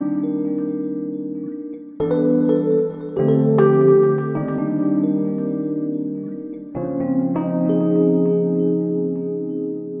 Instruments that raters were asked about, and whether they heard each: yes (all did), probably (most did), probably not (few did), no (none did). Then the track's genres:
ukulele: no
Pop; Folk; Indie-Rock